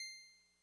<region> pitch_keycenter=84 lokey=83 hikey=86 tune=-1 volume=24.197309 lovel=0 hivel=65 ampeg_attack=0.004000 ampeg_release=0.100000 sample=Electrophones/TX81Z/Clavisynth/Clavisynth_C5_vl1.wav